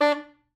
<region> pitch_keycenter=62 lokey=61 hikey=64 volume=8.585427 offset=101 lovel=84 hivel=127 ampeg_attack=0.004000 ampeg_release=2.500000 sample=Aerophones/Reed Aerophones/Saxello/Staccato/Saxello_Stcts_MainSpirit_D3_vl2_rr4.wav